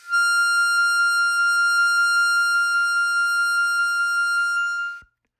<region> pitch_keycenter=89 lokey=87 hikey=91 volume=8.598776 trigger=attack ampeg_attack=0.004000 ampeg_release=0.100000 sample=Aerophones/Free Aerophones/Harmonica-Hohner-Special20-F/Sustains/HandVib/Hohner-Special20-F_HandVib_F5.wav